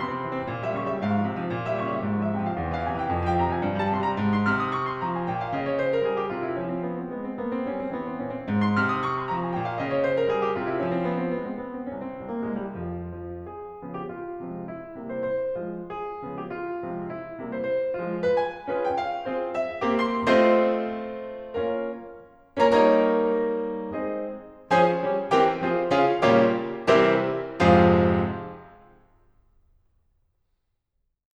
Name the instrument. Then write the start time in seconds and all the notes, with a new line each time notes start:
piano
0.00 C3 C6
0.13 C4
0.24 E3
0.38 C4
0.53 A#2
0.65 G3 E5
0.78 C#3 C#6
0.91 G3 E5
1.01 G#2 F5
1.13 F3
1.28 C3
1.40 F3
1.53 A#2
1.68 G3 E5
1.85 C#3 C#6
1.96 G3 E5
2.07 G#2
2.23 F3 E5
2.37 C3 G5
2.51 F3 F5
2.57 E2
2.69 E3 F5
2.82 C3 G#5
2.97 E3 G5
3.09 F2
3.23 F3 G5
3.36 C3 A#5
3.52 F3 G#5
3.63 G2
3.75 G3 A5
3.91 C3 C6
4.05 G3 A#5
4.19 G#2
4.35 C6
4.48 C3 F6
4.62 D#6
4.73 C#6
4.86 C6
5.02 F3 A#5
5.18 G#5
5.28 A#2 G5
5.39 F5
5.54 C#3 D#5
5.69 C#5
5.83 C5
5.96 A#4
6.05 G3 G#4
6.15 G4
6.29 C3 F4
6.44 E4
6.55 F3 C#4
6.69 C4
6.84 B3
6.98 C4
7.11 G#3 B3
7.22 C4
7.36 A#3 B3
7.52 C4
7.65 G3 C#4
7.79 C4
7.92 E3 B3
8.05 C4
8.19 A#2 C#4
8.34 C4
8.49 G#2
8.65 C6
8.79 C3 F6
8.93 D#6
9.04 C#6
9.18 C6
9.30 F3 A#5
9.42 G#5
9.52 A#2 G5
9.64 F5
9.75 C#3 D#5
9.89 C#5
10.04 C5
10.18 A#4
10.31 G3 G#4
10.46 G4
10.60 C3 F4
10.73 E4
10.84 F3 C#4
10.95 C4
11.04 B3
11.19 C4
11.33 G#3 B3
11.47 C4
11.64 B3
11.78 C4
11.91 C2 C#4
12.03 C4
12.18 C2 C4
12.29 A#3
12.46 C2 G#3
12.65 G3
12.81 F2 F3
13.13 F3
13.44 G#4
13.83 C#3 F3 B3
13.97 G4
14.11 F4
14.41 C3 F3 G#3 C4
14.71 E4
14.99 C3 G3 A#3
15.13 C5
15.27 C5
15.58 F3 G#3 F4
15.89 G#4
16.25 C#3 F3 B3
16.37 G4
16.50 F4
16.82 C3 F3 G#3 C4
17.09 E4
17.41 C3 G3 A#3
17.58 C5
17.75 C5
18.02 F3 G#3 F4
18.24 B4
18.32 G#5
18.69 C#4 F4 G#4 B4
18.83 G5
18.94 F5
19.25 C4 F4 G#4 C5
19.50 E5
19.82 A#3 C4 G4
19.99 C6
20.24 A3 C4 F4 C5 D#5 C6
21.50 A#3 C#4 F4 A#4 C#5 F5
22.56 A#3 C#4 F4 A#4 C#5 A#5
22.70 G3 A#3 D#4 A#4 C#5 A#5
23.89 G#3 C4 D#4 G#4 C5 D#5
24.75 F3 C#4 G#4 C5 G#5
25.01 G3 C#4 G4 A#4 C#5
25.31 E3 C4 G4 A#4 G5
25.60 F3 C4 F4 G#4 C5
25.93 C#3 C#4 F4 G#4 F5
26.24 A#2 C#3 G3 A#3 F4 G4 C#5 F5
26.85 C3 E3 G3 C4 E4 G4 A#4 C5 E5
27.63 F2 G#2 C3 F3 F4 G#4 C5 F5
29.71 F4